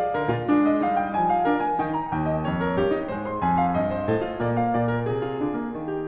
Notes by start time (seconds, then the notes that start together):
0.00 D5
0.16 D3 A#4
0.35 A#2 F4
0.48 G#3 D4
0.66 D#5
0.80 G3 D#4 F5
1.01 G5
1.17 F3 G#5
1.38 F5
1.52 D4 A#4
1.64 G#5
1.79 D#3 D#4 G5
1.97 A#5
2.11 D#2 G5
2.29 D#5
2.45 F2 C#5
2.61 A#4
2.76 G2 G4
2.94 D#4
3.09 G#2 G#3 C5
3.30 C6
3.44 F2 G#5
3.60 F5
3.75 G2 D#5
3.96 C5
4.08 A2 A4
4.27 F4
4.39 A#2 A#3 D5
4.56 F5
4.75 A#2 D5
4.93 A#4
5.10 C3 G#4
5.24 F4
5.38 D3 D4
5.61 A#3
5.76 D#3
5.93 G4